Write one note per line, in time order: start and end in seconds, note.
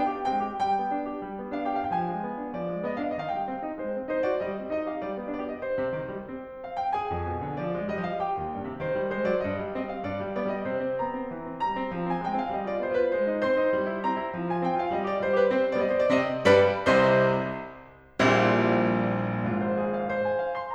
0.00 0.12 B3
0.00 0.12 D4
0.00 0.27 G5
0.13 0.27 G4
0.27 0.45 G#3
0.27 0.45 C4
0.27 0.64 G5
0.45 0.64 G4
0.64 0.79 G3
0.64 1.57 G5
0.79 0.98 B3
0.98 1.14 D4
1.14 1.28 G4
1.28 1.40 G3
1.40 1.57 B3
1.57 1.74 D4
1.57 1.74 F5
1.75 1.90 G4
1.75 1.90 G5
1.92 2.05 F3
1.92 1.99 F5
1.99 2.05 G5
2.07 2.22 G#3
2.07 2.58 G#5
2.23 2.39 B3
2.39 2.58 D4
2.58 2.71 F3
2.58 2.84 D5
2.71 2.84 G#3
2.84 2.97 B3
2.84 2.97 D#5
2.97 3.12 D4
2.97 3.12 F5
3.12 3.32 D#3
3.12 3.19 D#5
3.22 3.32 F5
3.32 3.47 G#3
3.32 3.81 G5
3.47 3.65 C4
3.65 3.81 D#4
3.82 3.94 G#3
3.82 4.10 C5
3.95 4.10 C4
4.11 4.28 D#4
4.11 4.28 C5
4.28 4.42 F#4
4.28 4.42 D5
4.42 4.57 G3
4.42 4.71 D#5
4.57 4.71 C4
4.71 4.88 D#4
4.71 4.88 D#5
4.88 5.03 G4
4.88 5.03 F5
5.03 5.17 G3
5.03 5.29 D5
5.17 5.29 B3
5.29 5.47 D4
5.29 5.47 D5
5.47 5.61 G4
5.47 5.61 D#5
5.62 5.92 C5
5.77 5.92 C3
5.93 6.07 D#3
6.08 6.25 G3
6.25 6.64 C4
6.64 6.78 F5
6.78 6.94 G5
6.94 7.59 G#4
6.94 7.59 G#5
7.14 7.29 F2
7.29 7.44 B2
7.44 7.59 D3
7.59 7.77 F3
7.59 7.89 D5
7.77 7.89 G#3
7.91 8.06 G3
7.91 8.06 D#5
8.07 8.23 F3
8.07 8.23 F5
8.23 8.82 G4
8.23 8.82 G5
8.41 8.57 D#2
8.57 8.68 G2
8.68 8.82 C3
8.82 9.01 D#3
8.82 9.17 C5
9.01 9.17 G3
9.17 9.31 G#3
9.17 9.31 C5
9.31 9.45 F#3
9.31 9.45 D5
9.45 9.59 G2
9.45 9.72 D#5
9.60 9.72 G3
9.73 9.88 C4
9.73 9.88 D#5
9.89 10.04 G3
9.89 10.04 F5
10.05 10.21 G2
10.05 10.36 D5
10.21 10.36 G3
10.36 10.48 B3
10.36 10.48 D5
10.48 10.68 G3
10.48 10.68 D#5
10.68 10.84 C3
10.68 11.01 C5
10.84 11.01 C4
11.01 11.13 B3
11.01 11.62 A#5
11.13 11.31 C4
11.31 11.47 E3
11.47 11.62 C4
11.63 11.76 G3
11.63 12.10 A#5
11.77 11.94 C4
11.95 12.10 F3
12.10 12.27 C4
12.10 12.27 G#5
12.27 12.46 G#3
12.27 12.46 G5
12.46 12.61 C4
12.46 12.61 F5
12.61 12.74 G3
12.61 12.74 D#5
12.74 12.86 F4
12.74 12.86 D5
12.86 13.00 B3
12.86 13.00 C5
13.00 13.14 F4
13.00 13.14 B4
13.14 13.33 G#3
13.14 13.44 C5
13.33 13.44 D#4
13.46 13.58 C4
13.46 14.02 C5
13.46 14.02 C6
13.60 13.72 D#4
13.73 13.87 G3
13.89 14.02 E4
14.02 14.19 C4
14.02 14.47 A#5
14.19 14.33 E4
14.33 14.47 F3
14.47 14.63 F4
14.47 14.63 G#5
14.63 14.77 C4
14.63 14.77 G5
14.77 14.91 F4
14.77 14.91 F5
14.91 15.05 G3
14.91 15.05 D#5
15.05 15.22 G4
15.05 15.22 D5
15.22 15.34 G3
15.22 15.34 C5
15.35 15.49 G4
15.35 15.49 B4
15.50 15.77 C4
15.50 15.77 C5
15.77 16.10 G3
15.77 16.10 B3
15.77 15.82 D5
15.82 15.92 D#5
15.92 16.02 C5
16.02 16.10 D5
16.10 16.46 C3
16.10 16.46 C4
16.10 16.46 D#5
16.46 16.87 G2
16.46 16.87 G3
16.46 16.87 B4
16.46 16.87 D5
16.46 16.87 B5
16.87 17.23 C2
16.87 17.23 C3
16.87 17.23 C5
16.87 17.23 D#5
16.87 17.23 C6
18.20 19.46 A#1
18.20 19.46 A#2
18.20 19.46 G3
18.20 19.46 C4
18.20 19.46 E4
19.49 19.89 G#1
19.49 19.89 G#2
19.49 19.71 F4
19.73 19.89 C5
19.90 20.02 G#4
20.02 20.14 F5
20.14 20.29 C5
20.29 20.43 G#5
20.43 20.60 F5
20.60 20.75 C6